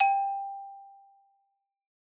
<region> pitch_keycenter=67 lokey=64 hikey=69 volume=0.327126 lovel=84 hivel=127 ampeg_attack=0.004000 ampeg_release=15.000000 sample=Idiophones/Struck Idiophones/Xylophone/Soft Mallets/Xylo_Soft_G4_ff_01_far.wav